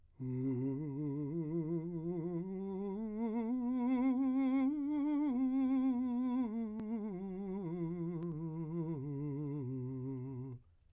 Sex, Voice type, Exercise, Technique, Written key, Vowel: male, , scales, slow/legato piano, C major, u